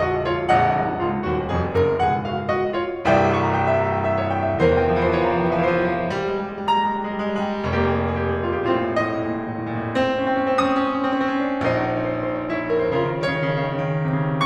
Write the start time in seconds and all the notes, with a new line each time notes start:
0.01 F#4 D#5
0.23 F4 C#5
0.49 A#1 D#5 F#5
0.78 C1 C2 D#4
1.04 C#1 C#2 F4
1.27 D#1 D#2 F#4
1.49 F1 F2 G#4
1.75 F#1 F#2 A#4
2.00 C#1 C#2 F#5
2.25 G#4 F5
2.50 F#4 D#5
2.76 F4 C#5
3.06 C1 C2 E5 G5
3.28 C#6
3.48 A#5
3.57 G5
3.76 E5
3.88 A#5
4.00 G5
4.12 E5
4.21 C#5
4.32 G5
4.44 E5
4.55 C#5
4.66 E2 E3 A#4 C5
4.71 F3
4.75 E3 G5
4.81 F3
4.87 E3 E5
4.95 F3
5.02 E3 C5
5.07 F3
5.14 E3 C#5
5.18 F3
5.24 E3 A#5
5.31 F3
5.36 E3 G5
5.42 F3
5.46 E3 E5
5.54 F3
5.60 E3 C5
5.65 F3
5.69 E3
5.79 F3
5.83 E3
5.94 F3
6.04 E3
6.10 F3
6.15 G3
6.21 G#3
6.26 G3
6.31 G#3
6.36 G3
6.44 G#3
6.52 G3
6.64 G#3
6.69 G3 A#5
6.74 G#3
6.79 G3
6.83 G#3
6.91 G3
6.98 G#3
7.03 G3
7.11 G#3
7.17 G3
7.22 G#3
7.31 G3
7.35 G#3
7.44 G3
7.49 G#3
7.54 G3
7.60 G#3
7.65 F1 A#3 G4
7.70 G#4
7.75 G4
7.80 G#4
7.87 G4
7.92 G#4
7.97 G4
8.03 G4 G#4
8.11 G4 G#4
8.18 G4 G#4
8.26 G4 G#4
8.31 G#4
8.35 G4
8.41 G#4
8.46 G4
8.50 G#4
8.56 G4 G#4
8.64 G4
8.70 A2 C4 F4 G#4
8.78 A2 A#2
8.88 A#2
8.93 A2 D#5
8.98 A#2
9.04 A2
9.08 A#2
9.13 A2
9.19 A#2
9.24 A2
9.29 A#2
9.34 A2
9.40 A#2
9.44 A2
9.49 A#2
9.55 A2
9.60 A#2
9.65 A2
9.70 A#2
9.75 A2
9.80 A#2
9.86 A2
9.92 A#2
9.97 C4
10.06 C#4
10.12 C4
10.23 C#4
10.28 C4
10.34 C#4
10.47 C4
10.55 C#4
10.61 C4 D#6
10.72 C#4
10.77 C4
10.83 C#4
10.87 C4
10.92 C#4
11.00 C4
11.08 C#4
11.13 C4
11.17 C#4
11.28 C4
11.34 C#4
11.38 C4
11.45 C#4
11.50 C4
11.57 C#4
11.62 A#1 D#4 C5
11.66 C#5
11.71 C5 C#5
11.80 C5 C#5
11.88 C5
11.95 C#5
12.01 C5
12.06 C#5
12.12 C5
12.16 C#5
12.31 C5
12.37 C#5
12.43 C5
12.47 C#5
12.52 E4 C5
12.59 C#5
12.64 C5
12.68 C#5
12.74 C5
12.79 C5 C#5
12.88 C#3 F4 A#4 C#5
12.96 C#3 D#3
13.03 D#3
13.08 C#3 D#3 C#5
13.18 C#3
13.23 D#3
13.28 C#3
13.35 D#3
13.40 C#3
13.45 D#3
13.57 C#3
13.71 D#3
13.76 C#3
13.84 D#3
13.91 C#3
13.98 D#3
14.05 C#3
14.12 D#3
14.18 C#3
14.23 D#3
14.30 C3
14.37 C#3